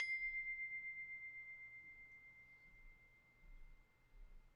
<region> pitch_keycenter=84 lokey=84 hikey=85 volume=22.757976 lovel=0 hivel=65 ampeg_attack=0.004000 ampeg_release=30.000000 sample=Idiophones/Struck Idiophones/Tubular Glockenspiel/C1_quiet1.wav